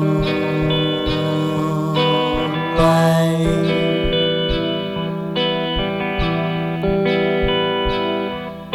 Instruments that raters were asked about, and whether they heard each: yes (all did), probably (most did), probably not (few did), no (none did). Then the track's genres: guitar: yes
Indie-Rock